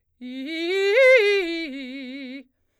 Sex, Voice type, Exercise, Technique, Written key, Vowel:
female, soprano, arpeggios, fast/articulated forte, C major, i